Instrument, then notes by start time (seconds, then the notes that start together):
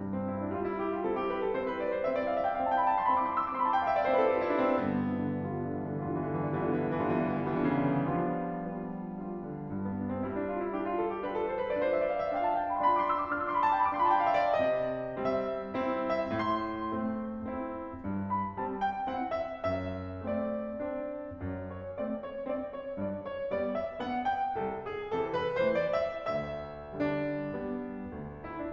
piano
0.00 G2
0.14 C4
0.30 E4
0.39 D4
0.59 G3 F4
0.73 E4
0.86 G4
1.01 F4
1.13 C4 E4 A4
1.27 G4
1.39 B4
1.50 A4
1.58 C4 E4 C5
1.67 B4
1.78 D5
1.96 C5
2.10 C4 E4 E5
2.17 D5
2.29 F5
2.38 E5
2.45 G5
2.59 F5
2.66 C4 E4 A5
2.73 G5
2.81 B5
2.87 A5
2.96 C6
3.05 B5
3.16 C4 E4 D6
3.25 C6
3.34 E6
3.42 D6
3.51 C6
3.59 B5
3.67 C4 E4 A5
3.76 G5
3.85 F5
3.94 E5
4.03 D5
4.13 C5
4.23 C4 E4 B4
4.30 A4
4.45 G4
4.52 F4
4.59 E4
4.68 C4 D4
4.78 G2 B3
4.92 D3
5.04 E3
5.15 D3
5.27 E3 G3 B3 F4
5.40 D3
5.50 E3
5.67 D3
5.80 E3 G3 B3 F4
5.97 D3
6.08 E3
6.23 D3
6.36 E3 G3 B3 F4
6.57 D3
6.69 E3
6.82 D3
6.94 E3 G3 B3 F4
7.05 D3
7.17 E3
7.31 D3
7.48 E3 G3 B3 F4
7.65 D3
7.77 C#3
7.99 D3
8.10 F3 G3 B3 F4
8.54 G3 B3 F4
9.15 G3 B3 F4
9.54 D3
9.71 G2
9.83 B3
9.96 D4
10.12 C4
10.29 G3 E4
10.44 D4
10.51 F4
10.63 E4
10.75 D4 G4
10.86 F4
10.95 A4
11.08 G4
11.18 D4 F4 B4
11.30 A4
11.45 C5
11.58 B4
11.73 D4 F4 D5
11.84 C5
11.92 E5
12.14 D5
12.23 F5
12.29 E5
12.36 D4 F4 G5
12.43 F5
12.50 A5
12.62 G5
12.70 B5
12.78 A5
12.85 D4 F4 C6
12.92 B5
12.97 D6
13.05 C6
13.12 E6
13.20 D6
13.31 D4 F4 F6
13.37 E6
13.42 D6
13.48 C6
13.57 B5
13.68 A5
13.77 G5
13.82 B5
13.87 D4 F4 D6
13.94 C6
14.00 B5
14.06 A5
14.12 G5
14.21 F5
14.29 E5
14.48 D5
14.56 C3 D#5
15.20 G3 C4 E5
15.78 C4 E4
16.32 A2 C5
16.44 C6
16.97 A3 C4
17.54 C4 E4
18.03 G2
18.31 B5
18.60 G3 C4 A5
18.80 G5
19.09 C4 E4 F#5
19.38 E5
19.63 F#2 E5
20.26 A3 C4 D5
20.78 C4 D4
21.46 F#2
21.72 C#5
21.98 A3 C4 D5
22.29 C#5
22.58 C4 D4 D5
22.81 C#5
22.98 G2 D5
23.23 C#5
23.52 G3 B3 D5
23.74 E5
24.01 B3 D4 F#5
24.24 G5
24.54 C2 A4
24.74 G#4
25.05 C3 E3 A4
25.30 B4
25.53 E3 A3 C5
25.68 D5
25.86 E5
26.27 D2 E5
27.03 D3 G3 D4
27.60 G3 B3
28.14 D2
28.46 E4
28.56 D4